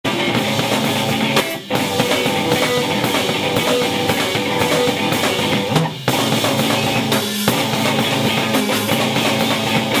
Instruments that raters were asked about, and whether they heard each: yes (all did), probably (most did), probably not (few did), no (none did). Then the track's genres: ukulele: no
drums: yes
cello: no
accordion: no
Loud-Rock; Experimental Pop